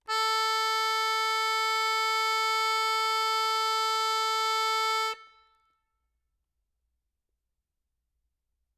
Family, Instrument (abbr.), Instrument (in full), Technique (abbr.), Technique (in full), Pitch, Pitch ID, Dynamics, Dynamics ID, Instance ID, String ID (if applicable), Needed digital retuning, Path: Keyboards, Acc, Accordion, ord, ordinario, A4, 69, ff, 4, 1, , FALSE, Keyboards/Accordion/ordinario/Acc-ord-A4-ff-alt1-N.wav